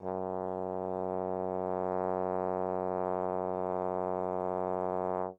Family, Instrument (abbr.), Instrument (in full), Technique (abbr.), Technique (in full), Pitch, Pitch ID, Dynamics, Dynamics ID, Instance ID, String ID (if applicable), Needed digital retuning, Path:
Brass, Tbn, Trombone, ord, ordinario, F#2, 42, mf, 2, 0, , TRUE, Brass/Trombone/ordinario/Tbn-ord-F#2-mf-N-T28d.wav